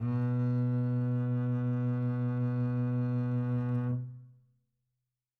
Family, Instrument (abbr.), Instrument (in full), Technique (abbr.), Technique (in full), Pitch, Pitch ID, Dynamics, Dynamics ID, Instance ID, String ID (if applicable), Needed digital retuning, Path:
Strings, Cb, Contrabass, ord, ordinario, B2, 47, mf, 2, 3, 4, FALSE, Strings/Contrabass/ordinario/Cb-ord-B2-mf-4c-N.wav